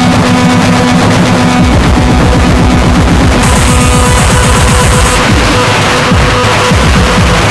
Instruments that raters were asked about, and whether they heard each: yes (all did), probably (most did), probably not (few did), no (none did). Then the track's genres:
drums: probably
Noise-Rock